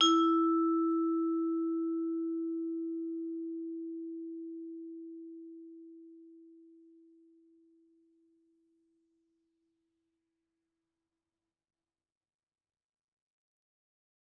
<region> pitch_keycenter=64 lokey=63 hikey=65 volume=9.723325 offset=118 lovel=84 hivel=127 ampeg_attack=0.004000 ampeg_release=15.000000 sample=Idiophones/Struck Idiophones/Vibraphone/Hard Mallets/Vibes_hard_E3_v3_rr1_Main.wav